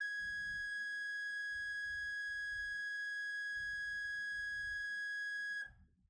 <region> pitch_keycenter=80 lokey=80 hikey=81 ampeg_attack=0.004000 ampeg_release=0.300000 amp_veltrack=0 sample=Aerophones/Edge-blown Aerophones/Renaissance Organ/4'/RenOrgan_4foot_Room_G#4_rr1.wav